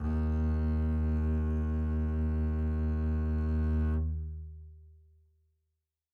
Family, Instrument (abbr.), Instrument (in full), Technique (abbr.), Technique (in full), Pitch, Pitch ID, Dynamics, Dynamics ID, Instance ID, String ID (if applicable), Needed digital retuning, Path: Strings, Cb, Contrabass, ord, ordinario, D#2, 39, mf, 2, 2, 3, FALSE, Strings/Contrabass/ordinario/Cb-ord-D#2-mf-3c-N.wav